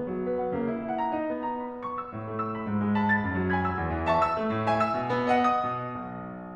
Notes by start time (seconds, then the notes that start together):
0.00 D#3 B3
0.14 F#3
0.26 B4
0.37 F#5
0.53 C#3 A#3
0.67 E4
0.81 E5 F#5
0.93 A#5
1.08 D#4
1.23 B3
1.46 A#5
1.67 B5
1.82 C#6
2.00 E6
2.14 A2
2.29 A3
2.40 E6
2.52 B5
2.65 G#2
2.83 G#3
2.95 A5 D#6
3.10 A6
3.22 F#2
3.34 F#3
3.53 G#5 B5 G#6
3.67 E6
3.80 E2
3.97 E3
4.09 E5 A5 C#6
4.23 E6
4.38 A3
4.50 A2
4.69 E5 G#5
4.81 E6
4.96 B2
5.15 B3
5.38 D#5 F#5
5.58 D#6
5.75 B2
6.05 B1